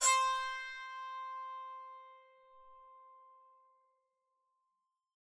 <region> pitch_keycenter=72 lokey=72 hikey=73 tune=-4 volume=4.254218 offset=161 ampeg_attack=0.004000 ampeg_release=15.000000 sample=Chordophones/Zithers/Psaltery, Bowed and Plucked/Spiccato/BowedPsaltery_C4_Main_Spic_rr1.wav